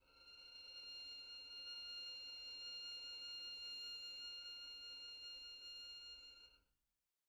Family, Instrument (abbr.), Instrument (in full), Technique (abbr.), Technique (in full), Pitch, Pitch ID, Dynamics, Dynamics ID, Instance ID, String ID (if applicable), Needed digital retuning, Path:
Strings, Vn, Violin, ord, ordinario, F6, 89, pp, 0, 1, 2, FALSE, Strings/Violin/ordinario/Vn-ord-F6-pp-2c-N.wav